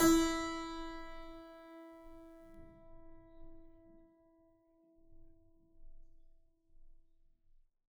<region> pitch_keycenter=52 lokey=51 hikey=53 volume=-1.210866 trigger=attack ampeg_attack=0.004000 ampeg_release=0.40000 amp_veltrack=0 sample=Chordophones/Zithers/Harpsichord, Flemish/Sustains/High/Harpsi_High_Far_E3_rr1.wav